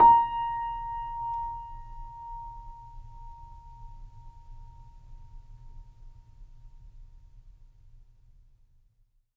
<region> pitch_keycenter=82 lokey=82 hikey=83 volume=-3.853729 lovel=0 hivel=65 locc64=0 hicc64=64 ampeg_attack=0.004000 ampeg_release=0.400000 sample=Chordophones/Zithers/Grand Piano, Steinway B/NoSus/Piano_NoSus_Close_A#5_vl2_rr1.wav